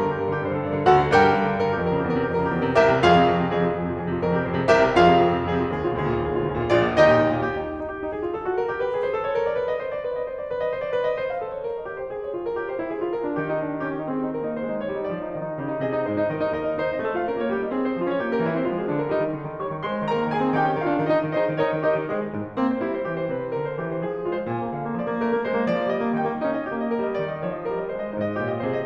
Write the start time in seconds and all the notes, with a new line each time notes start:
0.00 G2 A#4
0.09 D3 G4
0.20 G2 A#4
0.33 D3 G4
0.42 G2 C5
0.53 D3 A4
0.62 G2 D5
0.74 D3 A#4
0.91 D2 F#4 A4 F#5
1.01 D3
1.14 G2 G4 A#4 D5 G5
1.24 D3
1.31 G2
1.41 D3
1.61 G2 A#4
1.73 D3 G4
1.83 F2 A#4
1.90 D3 G4
2.04 E2 A#4
2.18 C3 G4
2.31 F2 A#4
2.40 C#3 G4
2.48 D#2 A#4
2.59 C3 G4
2.72 C2 G4 A#4 E5
2.88 C3
3.03 F2 F4 G#4 F5
3.14 C3
3.24 F2
3.37 C3
3.48 F2 G#4
3.59 C3 F4
3.72 F2 G#4
3.85 C3 F4
3.96 F2 G#4
4.11 C3 F4
4.21 F2 A#4
4.28 C3 G4
4.39 F2 C5
4.51 C3 G#4
4.66 C2 G4 A#4 E5
4.82 C3
4.96 F2 F4 G#4 F5
5.13 C3
5.25 F2
5.38 C3
5.52 F2 G#4
5.68 C3 F4
5.77 D#2 G#4
5.92 B2 F4
6.01 D2 G#4
6.15 A#2 F4
6.27 D#2 G#4
6.39 B2 F4
6.49 D2 G#4
6.59 A#2 F4
6.73 A#1 F4 G#4 D5
6.84 A#2
6.93 D#2 D#4 G4 D#5
7.06 A#2
7.18 D#2
7.31 A#2
7.47 G4
7.60 D#4
7.77 G4
7.87 D#4
7.96 G4
8.07 D#4
8.15 G#4
8.23 F4
8.35 A4
8.46 F#4
8.59 A#4
8.68 G4
8.81 B4
8.94 G#4
9.02 C5
9.14 A4
9.24 C#5
9.35 A#4
9.42 D5
9.54 B4
9.67 D#5
9.83 C5
9.92 D5
10.01 B4
10.11 D#5
10.23 C5
10.37 D5
10.50 B4
10.62 D#5
10.74 C5
10.82 D5
10.93 B4
11.04 D#5
11.17 C5
11.29 F5
11.38 A4
11.53 C#5
11.66 A#4
11.75 D#5
11.84 G4
11.94 C5
12.11 G#4
12.23 C#5
12.34 F4
12.49 A#4
12.61 G4
12.74 C5
12.84 E4
12.93 G#4
13.03 F4
13.13 A#4
13.25 D4
13.40 D#3 G4
13.51 D#4
13.64 D4
13.73 D#4
13.82 C#4 G4
13.93 D#4
14.03 C4 G#4
14.16 D#4
14.34 A#3 A#4
14.48 D#4
14.58 G#3 C5
14.71 D#4
14.85 G3 C#5
15.04 D#4
15.13 F3 D5
15.28 D#4
15.38 D#3 D#5
15.48 D#4
15.58 C#3 G4 D#5
15.70 D#4
15.80 C3 G#4 D#5
15.92 D#4
16.02 G#2 G#4 C5 D#5
16.14 D#4
16.24 D#3 G4 A#4 D#5
16.36 D#4
16.49 D#2 G4 A#4 D#5
16.61 D#4
16.79 D#4 C5
16.96 C4 D#5
17.09 F4 A4
17.22 A3 F5
17.31 C#4 A#4
17.40 A#3 C#5
17.51 D#4 G4
17.61 G3 D#5
17.73 C4 G#4
17.84 G#3 C5
17.96 C#4 F4
18.11 F3 C#5
18.20 A#3 G4
18.37 G3 A#4
18.47 C4 E4
18.58 E3 C5
18.68 G#3 F4
18.77 F3 G#4
18.90 A#3 D4
19.01 D3 A#4
19.11 G3 D#4
19.21 D#3
19.32 D3
19.46 D#3
19.56 G3 C#5 C#6
19.70 D#3
19.84 G#3 C5 C6
19.98 D#3
20.09 A#3 A#4 A#5
20.24 D#3
20.35 C4 G#4 G#5
20.46 D#3
20.57 C#4 G4 G5
20.70 D#3
20.83 D4 F4 F5
20.94 D#3
21.10 D#4 D#5
21.20 D#3
21.32 D#4 G#4 C5 D#5
21.44 D#3
21.55 D#4 A#4 C#5 D#5
21.65 D#3
21.85 D#4 G4 A#4 D#5
21.94 D#3
22.08 G#3 G#4 C5 D#5
22.33 G#2
22.58 A#3 C4
22.74 C5
22.86 G#3 E4
22.99 C5
23.13 E3 G4
23.23 C5
23.35 C3 B4
23.46 C5
23.56 D3 A#4
23.66 C5
23.78 E3 G4
23.91 C5
24.02 F3 G#4
24.11 C5
24.27 G#3 F4
24.40 C5
24.51 A#2 G#5
24.63 A#3
24.73 D3 F5
24.88 A#3
25.01 F3 D5
25.09 A#3
25.22 A3 A#4
25.31 A#3
25.44 G#3 C5
25.57 A#3
25.68 F3 D5
25.80 A#3
25.90 G3 D#5
26.03 A#3
26.17 D#3 G5
26.32 A#3
26.42 C#4 D#4
26.58 D#5
26.68 A#3 G4
26.83 D#5
26.96 G3 A#4
27.05 D#5
27.18 D#3 D5
27.31 D#5
27.45 F3 C#5
27.61 D#5
27.70 G3 A#4
27.81 D#5
27.90 G#3 C5
28.07 D#5
28.18 G#2 D#4 C5
28.33 D#5
28.43 A#2 F4 C#5
28.54 D#5
28.64 C3 G#4 C5
28.77 D#5